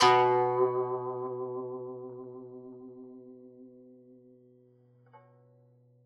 <region> pitch_keycenter=47 lokey=47 hikey=48 volume=2.479436 lovel=84 hivel=127 ampeg_attack=0.004000 ampeg_release=0.300000 sample=Chordophones/Zithers/Dan Tranh/Vibrato/B1_vib_ff_1.wav